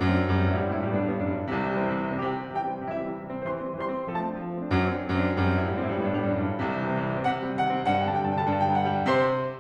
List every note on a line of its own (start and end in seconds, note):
0.00 0.29 F#2
0.00 0.08 F#3
0.00 0.08 A3
0.09 0.19 C4
0.19 0.29 D4
0.29 0.45 F#2
0.29 0.38 G3
0.37 0.53 G2
0.37 0.51 C4
0.46 0.60 A2
0.51 0.70 G2
0.51 0.60 E4
0.62 0.79 A2
0.62 0.72 G3
0.70 0.87 G2
0.74 0.85 C4
0.80 0.95 A2
0.85 1.03 G2
0.85 0.95 E4
0.96 1.10 A2
0.96 1.04 G3
1.03 1.15 G2
1.03 1.15 B3
1.11 1.27 G2
1.11 1.18 A2
1.11 1.18 D4
1.20 1.34 A2
1.20 1.29 G3
1.27 1.40 G2
1.27 1.38 B3
1.35 1.49 F#2
1.39 1.49 D4
1.49 2.19 C2
1.49 1.59 C3
1.60 1.66 E3
1.66 1.74 G3
1.75 1.87 C4
1.87 1.94 C3
1.95 2.02 E3
2.02 2.10 G3
2.11 2.19 C4
2.19 2.29 C3
2.19 2.29 G4
2.30 2.37 E3
2.30 2.54 G5
2.37 2.45 G3
2.46 2.54 C4
2.55 2.62 C3
2.55 2.62 G4
2.62 2.68 E3
2.62 2.82 G5
2.69 2.76 G3
2.76 2.82 C4
2.83 2.91 C3
2.83 2.91 E4
2.91 2.96 E3
2.91 3.11 E5
2.96 3.04 G3
3.04 3.11 C4
3.12 3.18 C3
3.18 3.25 E3
3.26 3.32 G3
3.33 3.40 C4
3.40 3.49 E3
3.40 3.47 C5
3.48 3.59 G3
3.48 3.70 C6
3.60 3.70 C4
3.70 3.83 E3
3.70 3.81 C5
3.82 3.92 G3
3.82 4.08 C6
3.95 4.08 C4
4.08 4.24 F3
4.08 4.16 A4
4.17 4.30 A3
4.17 4.41 A5
4.24 4.41 C4
4.33 4.49 D4
4.42 4.57 F3
4.49 4.63 A3
4.59 4.70 C4
4.63 4.78 D4
4.71 5.02 F#2
4.71 4.85 F#3
4.79 4.93 A3
4.88 5.00 C4
4.95 5.06 D4
5.03 5.33 F#2
5.03 5.15 F#3
5.09 5.25 A3
5.17 5.31 C4
5.26 5.39 D4
5.34 5.47 F#2
5.34 5.47 G3
5.41 5.55 G2
5.41 5.60 C4
5.47 5.63 A2
5.54 5.75 G2
5.54 5.71 E4
5.63 5.85 A2
5.63 5.85 G3
5.76 5.97 G2
5.76 6.00 C4
5.85 6.04 A2
5.94 6.13 G2
5.94 6.12 E4
6.04 6.20 A2
6.04 6.21 G3
6.14 6.28 G2
6.14 6.33 B3
6.20 6.36 A2
6.26 6.42 G2
6.26 6.42 D4
6.36 6.49 A2
6.36 6.50 G3
6.43 6.57 G2
6.43 6.62 B3
6.50 6.63 F#2
6.55 6.71 D4
6.64 7.21 C2
6.64 6.78 C3
6.71 6.86 E3
6.79 6.93 G3
6.87 7.02 C4
6.95 7.06 C3
7.02 7.14 E3
7.07 7.21 G3
7.14 7.27 C4
7.22 7.42 C3
7.22 7.55 F#5
7.31 7.51 D#3
7.45 7.66 G3
7.55 7.76 C3
7.55 7.93 F#5
7.70 7.88 D#3
7.81 7.99 G3
7.93 8.08 G2
7.93 8.10 F#5
8.02 8.17 C3
8.02 8.17 G5
8.10 8.24 D3
8.10 8.27 A5
8.19 8.32 G3
8.19 8.34 G5
8.27 8.37 G2
8.27 8.37 A5
8.35 8.44 C3
8.35 8.51 D3
8.35 8.45 G5
8.35 8.51 A5
8.45 8.57 G3
8.45 8.59 G5
8.52 8.64 G2
8.52 8.64 A5
8.59 8.71 B2
8.59 8.72 G5
8.65 8.79 D3
8.65 8.80 A5
8.72 8.88 G3
8.72 8.89 G5
8.81 8.94 G2
8.81 8.95 A5
8.89 9.02 B2
8.89 9.03 G5
8.96 9.08 D3
8.96 9.10 F#5
9.03 9.10 G3
9.03 9.17 G5
9.10 9.44 C3
9.10 9.44 C5
9.10 9.44 C6